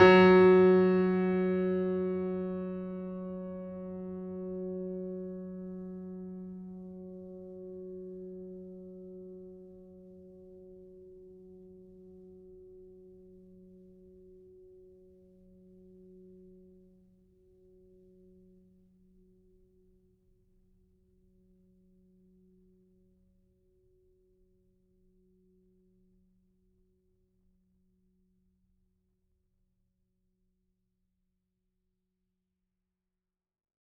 <region> pitch_keycenter=54 lokey=54 hikey=55 volume=0.215655 lovel=66 hivel=99 locc64=65 hicc64=127 ampeg_attack=0.004000 ampeg_release=0.400000 sample=Chordophones/Zithers/Grand Piano, Steinway B/Sus/Piano_Sus_Close_F#3_vl3_rr1.wav